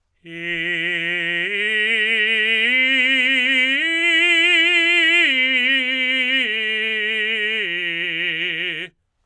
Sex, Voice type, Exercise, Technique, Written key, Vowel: male, tenor, arpeggios, slow/legato forte, F major, i